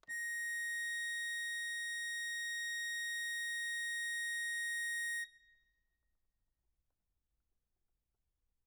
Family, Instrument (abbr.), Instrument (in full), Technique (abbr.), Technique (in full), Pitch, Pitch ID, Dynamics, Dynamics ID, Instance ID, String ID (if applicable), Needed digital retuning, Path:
Keyboards, Acc, Accordion, ord, ordinario, A#6, 94, ff, 4, 0, , FALSE, Keyboards/Accordion/ordinario/Acc-ord-A#6-ff-N-N.wav